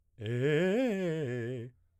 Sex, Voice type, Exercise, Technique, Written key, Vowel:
male, baritone, arpeggios, fast/articulated piano, C major, e